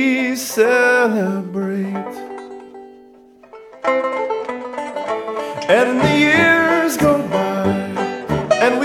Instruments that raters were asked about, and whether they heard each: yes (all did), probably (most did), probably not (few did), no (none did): mandolin: yes
banjo: yes
ukulele: yes